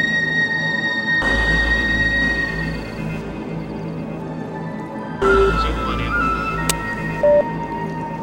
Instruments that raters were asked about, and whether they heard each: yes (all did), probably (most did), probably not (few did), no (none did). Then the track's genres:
flute: probably
Electronic; IDM